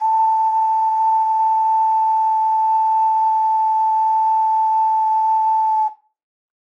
<region> pitch_keycenter=81 lokey=81 hikey=81 tune=-1 volume=-0.058993 trigger=attack ampeg_attack=0.004000 ampeg_release=0.100000 sample=Aerophones/Edge-blown Aerophones/Ocarina, Typical/Sustains/Sus/StdOcarina_Sus_A4.wav